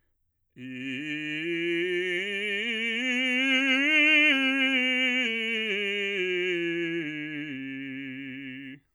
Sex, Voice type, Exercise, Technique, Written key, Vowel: male, bass, scales, vibrato, , i